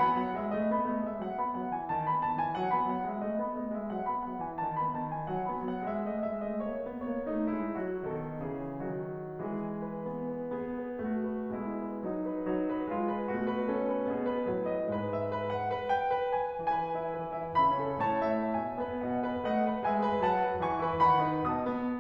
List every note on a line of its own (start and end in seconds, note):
0.00 0.19 B3
0.00 0.19 B5
0.20 0.34 F#3
0.20 0.34 F#5
0.35 0.52 G#3
0.35 0.52 E5
0.53 0.71 A3
0.53 0.71 D#5
0.72 0.88 B3
0.72 0.88 B5
0.89 1.06 A3
0.89 1.06 D#5
1.06 1.21 G#3
1.06 1.21 E5
1.22 1.40 F#3
1.22 1.40 F#5
1.42 1.58 B3
1.42 1.58 B5
1.59 1.74 F#3
1.59 1.74 F#5
1.75 1.88 E3
1.75 1.88 G#5
1.89 2.05 D#3
1.89 2.05 A5
2.07 2.24 B3
2.07 2.24 B5
2.25 2.39 D#3
2.25 2.39 A5
2.40 2.57 E3
2.40 2.57 G#5
2.58 2.74 F#3
2.58 2.74 F#5
2.74 2.93 B3
2.74 2.93 B5
2.94 3.13 F#3
2.94 3.13 F#5
3.15 3.27 G#3
3.15 3.27 E5
3.27 3.38 A3
3.27 3.38 D#5
3.39 3.56 B3
3.39 3.56 B5
3.58 3.75 A3
3.58 3.75 D#5
3.75 3.92 G#3
3.75 3.92 E5
3.94 4.08 F#3
3.94 4.08 F#5
4.09 4.24 B3
4.09 4.24 B5
4.25 4.42 F#3
4.25 4.42 F#5
4.42 4.59 E3
4.42 4.59 G#5
4.60 4.77 D#3
4.60 4.77 A5
4.79 4.96 B3
4.79 4.96 B5
4.97 5.13 D#3
4.97 5.13 A5
5.14 5.29 E3
5.14 5.29 G#5
5.31 5.47 F#3
5.31 5.47 F#5
5.48 5.64 B3
5.48 5.64 B5
5.65 5.82 F#3
5.65 5.82 F#5
5.83 6.03 G#3
5.83 6.03 E5
6.04 6.22 A3
6.04 6.22 D#5
6.23 6.44 G#3
6.23 6.44 E5
6.44 6.62 A3
6.44 6.62 D#5
6.63 6.83 A3
6.63 6.83 C#5
6.84 7.02 B3
6.84 7.02 B4
7.02 7.27 A#3
7.02 7.27 C#5
7.28 7.51 A3
7.28 7.51 D#4
7.52 7.74 G#3
7.52 7.74 E4
7.76 8.03 F#3
7.76 8.03 F#4
8.03 8.49 B2
8.03 8.49 D#3
8.03 8.49 A4
8.51 8.86 C#3
8.51 8.86 E3
8.51 8.86 G#4
8.86 9.45 D#3
8.86 9.45 F#3
8.86 9.45 F#4
9.46 10.04 E3
9.46 10.60 G#3
9.46 9.74 G#4
9.75 10.04 B4
10.04 10.32 B3
10.32 10.60 B4
10.61 11.10 B3
10.61 10.87 G#4
10.88 11.10 B4
11.11 11.53 A3
11.11 11.34 F#4
11.35 11.53 B4
11.54 12.04 B2
11.54 12.04 G#3
11.54 11.81 E4
11.81 12.04 B4
12.04 12.47 F#3
12.04 12.25 D#4
12.26 12.47 B4
12.48 12.88 F#3
12.48 12.67 D#4
12.68 12.88 B4
12.89 13.31 G#3
12.89 13.07 F4
13.07 13.31 B4
13.31 13.68 B2
13.31 13.68 A3
13.31 13.49 F#4
13.50 13.68 B4
13.69 14.07 C#4
13.69 13.87 A4
13.89 14.07 B4
14.08 14.49 B2
14.08 14.49 B3
14.08 14.26 G#4
14.27 14.49 B4
14.49 14.93 A2
14.49 14.93 F#3
14.49 14.69 B4
14.69 14.93 D#5
14.94 15.30 G#2
14.94 15.30 G#3
14.94 15.14 B4
15.15 15.30 E5
15.31 15.53 B4
15.53 15.70 F#5
15.71 15.91 B4
15.91 16.10 G5
16.10 16.35 B4
16.36 16.60 G#5
16.61 16.94 E3
16.61 16.94 B4
16.61 17.60 G#5
16.95 17.15 E4
16.95 17.15 E5
17.16 17.36 E3
17.16 17.36 B4
17.36 17.60 E4
17.36 17.60 E5
17.60 17.81 C#3
17.60 17.81 E5
17.60 18.01 B5
17.82 18.01 C#4
17.82 18.01 A4
18.04 18.32 A2
18.04 18.32 C#5
18.04 18.53 A5
18.33 18.53 A3
18.33 18.53 E5
18.54 18.77 B2
18.54 18.77 E5
18.54 19.08 G#5
18.80 19.08 B3
18.80 19.08 B4
19.08 19.27 B2
19.08 19.27 D#5
19.08 19.46 F#5
19.27 19.46 B3
19.27 19.46 B4
19.47 19.66 A3
19.47 19.66 D#5
19.47 19.84 F#5
19.67 19.84 A4
19.67 19.84 B4
19.86 20.03 G#3
19.86 20.03 E5
19.86 20.22 G#5
20.04 20.22 G#4
20.04 20.22 B4
20.24 20.40 F#3
20.24 20.40 F#5
20.24 20.61 A5
20.40 20.61 F#4
20.40 20.61 B4
20.61 20.85 E3
20.61 20.85 G#5
20.61 21.07 C#6
20.86 21.07 E4
20.86 21.07 B4
21.08 21.29 D#3
21.08 21.29 F#5
21.08 21.50 B5
21.32 21.50 D#4
21.32 21.50 B4
21.51 21.72 B2
21.51 22.00 D#5
21.51 22.00 A5
21.51 22.00 D#6
21.72 22.00 B3